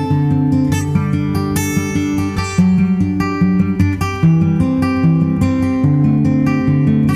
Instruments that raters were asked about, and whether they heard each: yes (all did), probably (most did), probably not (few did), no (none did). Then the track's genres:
violin: no
guitar: yes
Country; Folk